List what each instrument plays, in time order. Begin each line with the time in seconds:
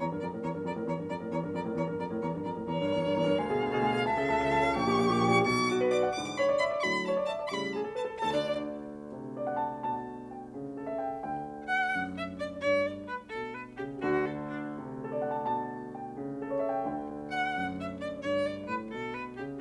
0.00 piano E2 A#5, violin C#5
0.13 piano G2 A#4
0.23 piano F2 A#5, violin D5
0.34 piano A2 A#4
0.44 piano E2 A#5, violin C#5
0.53 piano G2 A#4
0.63 piano F2 A#5, violin D5
0.77 piano A2 A#4
0.87 piano E2 A#5, violin C#5
0.99 piano G2 A#4
1.08 piano F2 A#5, violin D5
1.18 piano A2 A#4
1.29 piano E2 A#5, violin C#5
1.40 piano G2 A#4
1.52 piano F2 A#5, violin D5
1.64 piano A2 A#4
1.75 piano E2 A#5, violin C#5
1.86 piano G2 A#4
2.00 piano F2 A#5, violin D5
2.11 piano A2 A#4
2.24 piano E2 A#5, violin C#5
2.33 piano G2 A#4
2.44 piano F2 A#5, violin D5
2.54 piano A2 A#4
2.68 piano E2 A#5, violin C#5
2.80 piano G2 A#4
2.90 piano E2 A#5
3.04 piano G2 A#4
3.15 piano E2 A#5
3.27 piano G2 A#4
3.38 piano D2 G#5, violin F5
3.51 piano B2 G#4
3.61 piano D2 G#5
3.74 piano B2 G#4
3.84 piano D2 G#5
3.95 piano B2 G#4
4.06 piano C#2 A5, violin E5
4.17 piano C#3 A4
4.27 piano C#2 A5
4.37 piano C#3 A4
4.47 piano C#2 A5
4.56 piano C#3 A4
4.67 piano A#1 G5, violin C#6
4.78 piano A#2 G4
4.88 piano A#1 G5
5.18 piano A#2 G4
5.27 piano A#1 G5
5.36 piano A#2 G4
5.47 piano B1 B2, violin C#6
5.68 piano F#4, violin D6
5.78 piano B4
5.90 piano D5, violin D6
6.07 piano F#5
6.18 piano G#2 D3 E3, violin D6
6.37 piano C#5, violin B5
6.47 piano D5
6.59 piano E5, violin B5
6.73 piano D5
6.80 violin C#6
6.85 piano A2 D3 F#3, violin B5
7.04 piano C#5, violin A5
7.14 piano D5
7.26 piano E5, violin A5
7.36 piano D5
7.43 violin C#6
7.52 piano A2 C#3 G3, violin B5
7.71 piano G#4, violin A5
7.83 piano A4
7.95 piano B4, violin A5
8.07 piano A4
8.22 piano D2 D3 A4, violin A5
8.35 piano D4, violin D5
9.14 piano C3
9.37 piano D5
9.47 piano F#5
9.62 piano A5
9.86 piano B2 A5
10.31 piano G5
10.54 piano C#3
10.77 piano A4
10.88 piano E5
10.98 piano G5
11.19 piano D2 D3 G5
11.61 piano F#5, violin F#5
11.95 piano F#2
12.14 violin E5
12.35 violin D5
12.55 piano G2, violin C#5
12.84 violin D5
13.04 piano A2, violin B4
13.26 piano B2, violin A4
13.53 violin B4
13.78 piano C#3, violin G4
14.00 piano D2 D3, violin F#4
14.23 violin A4
14.48 violin D4
14.71 piano C3
14.99 piano A4
15.13 piano D5
15.22 piano F#5
15.37 piano A5
15.50 piano B2 A5
15.98 piano G5
16.17 piano C#3
16.38 piano A4
16.49 piano C#5
16.60 piano E5
16.72 piano G5
16.83 piano D2 D3 G5
17.36 piano F#5, violin F#5
17.59 piano F#2
17.80 violin E5
18.00 violin D5
18.26 piano G2, violin C#5
18.46 violin D5
18.68 piano A2, violin B4
18.88 piano B2, violin A4
19.11 violin B4
19.37 piano C#3, violin G4